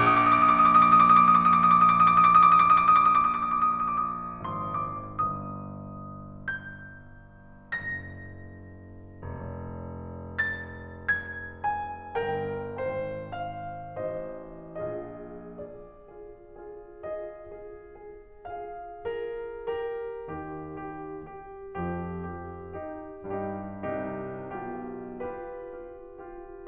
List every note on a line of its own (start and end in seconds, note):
0.02 4.67 A#1
0.02 0.09 D6
0.12 0.31 D#6
0.24 0.42 D6
0.34 0.57 D#6
0.46 0.68 D6
0.61 0.80 D#6
0.73 0.89 D6
0.83 1.00 D#6
0.92 1.16 D6
1.04 1.25 D#6
1.19 1.34 D6
1.28 1.48 D#6
1.38 1.58 D6
1.52 1.71 D#6
1.62 1.82 D6
1.75 1.93 D#6
1.85 2.04 D6
1.97 2.26 D#6
2.07 2.35 D6
2.28 2.48 D#6
2.41 2.58 D6
2.51 2.64 D#6
2.59 2.73 D6
2.66 2.80 D#6
2.73 2.91 D6
2.84 3.01 D#6
2.94 3.07 D6
3.04 3.23 D#6
3.12 3.34 D6
3.27 3.42 D#6
3.35 3.52 D6
3.45 3.65 D#6
3.57 3.76 D6
3.69 3.85 D#6
3.78 3.90 D6
3.88 3.99 D#6
3.93 4.05 D6
4.02 4.15 D#6
4.08 4.24 D6
4.19 4.35 D#6
4.28 4.46 D6
4.39 4.57 D#6
4.50 4.65 D6
4.60 4.74 D#6
4.67 5.11 G#1
4.67 4.88 D6
4.78 4.99 D#6
4.92 5.09 C6
5.02 5.22 D6
5.11 7.81 G1
5.11 6.33 D#6
6.33 7.83 G6
7.83 9.39 F#1
7.83 10.39 A#6
9.49 12.14 F1
10.39 11.06 A6
11.07 11.59 G#6
11.59 12.16 G#5
12.16 12.65 G1
12.16 12.66 A#4
12.16 12.66 G5
12.67 13.95 G#1
12.67 13.96 C5
12.67 13.32 G5
13.32 13.96 F5
14.01 14.74 A1
14.01 14.76 C5
14.01 14.76 D#5
14.80 15.97 A#1
14.80 15.54 F4
14.80 15.54 G#4
14.80 15.54 D#5
15.55 15.98 F4
15.55 15.98 G#4
15.55 16.47 D5
15.98 16.47 F4
15.98 16.47 G#4
16.47 17.01 F4
16.47 17.01 G#4
17.03 17.48 F4
17.03 17.48 G#4
17.03 17.95 D#5
17.48 17.95 F4
17.48 17.95 G#4
17.97 18.47 F4
17.97 18.47 G#4
18.48 18.95 F4
18.48 18.95 G#4
18.48 18.95 F5
18.96 19.66 F4
18.96 19.66 G#4
18.96 19.66 A#4
19.67 20.25 G4
19.67 20.81 A#4
20.28 21.25 D#2
20.28 21.25 D#3
20.28 20.81 G4
20.82 21.25 G4
21.26 21.79 G4
21.83 22.83 F2
21.83 22.83 F3
21.83 22.37 G4
22.39 22.83 G4
22.84 23.31 D#4
22.84 23.31 G4
23.32 23.85 G2
23.32 23.85 G3
23.32 23.85 D#4
23.32 23.85 G4
23.86 24.43 C2
23.86 24.43 C3
23.86 24.43 D#4
23.86 24.43 G4
24.46 25.70 B1
24.46 25.70 B2
24.46 25.13 F4
24.46 25.13 G4
25.14 25.70 F4
25.14 25.70 G4
25.14 26.16 B4
25.72 26.16 F4
25.72 26.16 G4
26.17 26.65 F4
26.17 26.65 G4